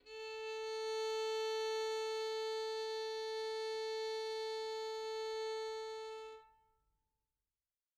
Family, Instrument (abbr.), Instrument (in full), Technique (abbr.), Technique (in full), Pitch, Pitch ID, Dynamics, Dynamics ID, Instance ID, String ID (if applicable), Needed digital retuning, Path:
Strings, Vn, Violin, ord, ordinario, A4, 69, mf, 2, 1, 2, FALSE, Strings/Violin/ordinario/Vn-ord-A4-mf-2c-N.wav